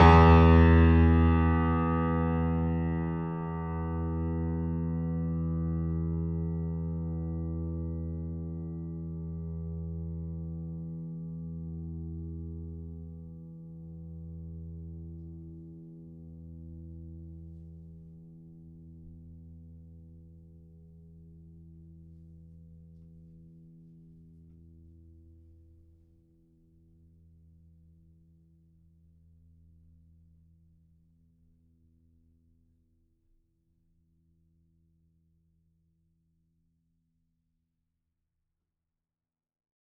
<region> pitch_keycenter=40 lokey=40 hikey=41 volume=-1.318265 lovel=100 hivel=127 locc64=65 hicc64=127 ampeg_attack=0.004000 ampeg_release=0.400000 sample=Chordophones/Zithers/Grand Piano, Steinway B/Sus/Piano_Sus_Close_E2_vl4_rr1.wav